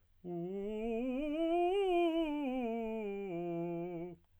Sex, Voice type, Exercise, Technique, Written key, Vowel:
male, tenor, scales, fast/articulated piano, F major, u